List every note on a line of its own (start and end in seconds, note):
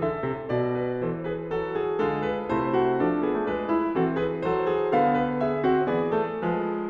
0.00 0.79 A4
0.00 0.53 E5
0.22 0.52 C3
0.52 1.01 B2
0.52 1.04 D5
0.79 1.04 B4
1.03 1.52 E3
1.03 1.95 E3
1.03 1.29 A4
1.03 1.29 C5
1.29 1.53 G#4
1.29 1.53 B4
1.52 1.95 F#3
1.52 1.96 F#4
1.52 1.76 A4
1.76 1.96 G#4
1.95 2.50 D3
1.95 2.50 G#3
1.95 2.51 F4
1.95 2.26 A4
2.26 2.51 B4
2.50 2.98 C3
2.50 3.27 A3
2.50 3.02 E4
2.50 2.74 C5
2.74 3.02 F#4
2.98 3.96 F3
2.98 3.74 D4
2.98 3.29 G#4
3.27 3.38 B3
3.27 3.52 A4
3.38 3.51 A3
3.51 3.96 G3
3.51 3.97 B4
3.74 3.97 E4
3.96 4.93 E3
3.96 4.46 C4
3.96 4.19 F#4
3.96 4.19 A4
4.19 4.47 G#4
4.19 4.47 B4
4.46 4.93 F#3
4.46 4.69 A4
4.46 4.95 C5
4.69 4.95 G#4
4.93 5.91 D3
4.93 5.62 B3
4.93 5.17 A4
4.93 5.42 F5
5.17 5.42 B4
5.42 5.64 G#4
5.42 5.92 E5
5.62 5.91 C4
5.62 5.92 F#4
5.91 6.40 E3
5.91 6.12 B3
5.91 6.13 G#4
5.91 6.90 D5
6.12 6.40 A3
6.12 6.41 A4
6.40 6.90 F3
6.40 6.90 G#3
6.40 6.90 B4